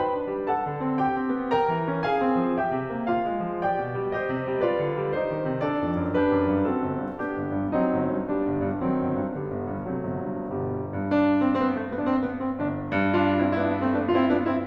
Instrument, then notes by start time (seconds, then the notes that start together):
piano
0.01 B4 G5 B5
0.16 D#4
0.28 D4
0.49 A4 F#5 A5
0.69 D3
0.85 C4
1.02 G4 G5
1.19 C4
1.35 B3
1.53 A#4 G5 A#5
1.74 E3
1.89 C#4
2.04 G#4 F5 G#5
2.18 C#4
2.29 C4
2.55 G4 E5 G5
2.71 C3
2.91 A#3
3.09 F4 F5
3.27 A#3
3.44 G#3
3.64 G4 D5 G5
3.81 B2
3.99 G3
4.16 G4 C5 D#5
4.36 C3
4.53 G3
4.70 F4 B4 D5
4.84 D3
5.02 G3
5.18 D#4 G4 C5
5.32 D#3
5.47 C3
5.65 D4 A4 D5
5.80 F2
6.01 F#2
6.17 D4 G4 B4
6.36 F#2
6.57 G2
6.74 C4 F#4 A4
6.88 G1
7.05 G2
7.22 B3 D4 G4
7.39 G1
7.59 G2
7.80 F#3 C4 D#4
7.98 G1
8.16 G2
8.31 G3 B3 D4
8.47 G1
8.62 G2
8.79 D#3 F#3 C4
8.99 G1
9.19 G2
9.35 D3 G3 B3
9.56 G1
9.72 G2
9.92 C3 F#3 A3
10.12 G1
10.29 G2
10.51 G1 B2 G3
10.91 G2
11.08 D4
11.40 C4
11.58 C4
11.64 B3
11.73 A3
11.87 B3
12.03 D4
12.08 C4
12.27 B3
12.44 C4
12.60 G1 D4
12.92 G2
13.09 D4 F4
13.40 C4 E4
13.54 C4 E4
13.59 B3 D4
13.71 A3 C4
13.89 B3 D4
14.14 D4 F4
14.22 C4 E4
14.36 B3 D4
14.51 C4 E4